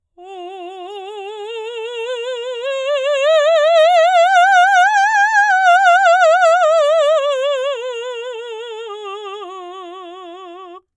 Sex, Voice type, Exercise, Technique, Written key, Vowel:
female, soprano, scales, slow/legato forte, F major, o